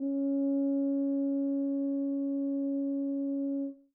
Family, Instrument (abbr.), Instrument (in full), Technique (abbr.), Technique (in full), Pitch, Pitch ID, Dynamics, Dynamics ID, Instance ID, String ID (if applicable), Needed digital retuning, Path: Brass, BTb, Bass Tuba, ord, ordinario, C#4, 61, mf, 2, 0, , FALSE, Brass/Bass_Tuba/ordinario/BTb-ord-C#4-mf-N-N.wav